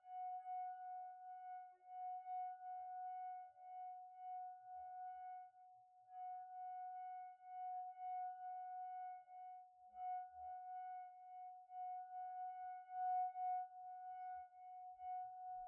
<region> pitch_keycenter=78 lokey=77 hikey=80 tune=10 volume=32.071659 trigger=attack ampeg_attack=0.004000 ampeg_release=0.500000 sample=Idiophones/Friction Idiophones/Wine Glasses/Sustains/Slow/glass2_F#4_Slow_1_Main.wav